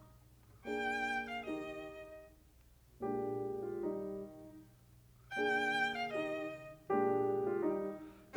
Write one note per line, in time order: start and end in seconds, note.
0.67 1.47 A#3
0.67 1.47 D4
0.67 1.47 G#4
0.67 1.28 G5
1.28 1.48 F5
1.48 2.22 D#3
1.48 2.22 D#4
1.48 2.22 G4
1.48 2.22 D#5
3.03 3.81 A#2
3.03 3.81 G#3
3.03 3.81 D4
3.03 3.62 G4
3.62 3.81 F4
3.81 4.24 D#3
3.81 4.24 G3
3.81 4.24 D#4
5.34 6.09 A#3
5.34 6.09 D4
5.34 6.09 G#4
5.34 5.90 G5
5.90 6.11 F5
6.11 6.90 D#3
6.11 6.90 D#4
6.11 6.90 G4
6.11 6.90 D#5
6.91 7.64 A#2
6.91 7.64 G#3
6.91 7.64 D4
6.91 7.43 G4
7.44 7.64 F4
7.64 8.37 D#3
7.64 8.37 G3
7.64 8.37 D#4